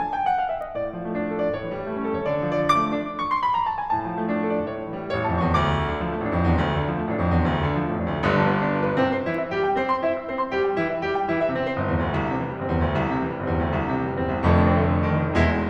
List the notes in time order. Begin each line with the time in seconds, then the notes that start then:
0.00 G#5
0.15 G5
0.26 F#5
0.38 F5
0.52 E5
0.64 D#5
0.79 A2 D5
0.94 F3
1.06 A3
1.11 D4
1.25 A4
1.40 D5
1.53 A2 C#5
1.65 E3
1.73 G3
1.90 A3 C#4
2.04 A4
2.18 C#5
2.35 D2
2.46 F3
2.54 D5
2.62 A3 D6
2.77 D4
3.19 C#6
3.32 C6
3.45 B5
3.59 A#5
3.74 A5
3.88 G#5
3.98 A2 A5
4.12 F3
4.20 A3
4.33 D4
4.46 A4
4.59 D5
4.73 A2 C#5
4.85 E3
4.99 G3
5.13 A1 C#5
5.29 F2 A5
5.49 E2 C#6
5.68 D2 D6
5.83 D3
6.00 F3
6.18 A1 A3
6.29 F2 D4
6.43 E2
6.56 D2
6.70 D3
6.84 F3
7.02 A1 A3
7.17 F2 D4
7.34 E2
7.48 D2
7.64 D3
7.76 F3
7.89 A1 A3
7.99 F2 D4
8.09 D2
8.21 G1 G2 D3
8.31 F3
8.44 B3
8.58 D4
8.70 F4
8.82 B4
8.97 C2 C3 C4
9.11 C5
9.28 E3 E4
9.42 E5
9.54 G3 G4
9.67 G5
9.81 C4 C5
9.91 C6
10.03 E4 E5
10.12 E6
10.26 C4 C5
10.38 C6
10.50 G3 G4
10.63 G5
10.77 E3 E4
10.91 E5
11.06 G3 G4
11.16 G5
11.28 E3 E4
11.41 E5
11.54 C3 C4
11.69 G1 C5
11.83 E2
11.99 D2
12.17 C2
12.29 C3
12.43 E3
12.59 G1 G3
12.72 E2 C4
12.86 D2
13.01 C2
13.17 C3
13.28 E3
13.40 G1 G3
13.53 E2 C4
13.64 D2
13.76 C2
13.90 C3
13.96 E3
14.05 G1 G3
14.18 E2 C4
14.30 C2
14.45 F1 F2 D3 A3
14.59 D4
14.76 D3 A3
14.91 D4
15.06 D#3 A3
15.20 D#4
15.34 E1 E2 E3 G#3 E4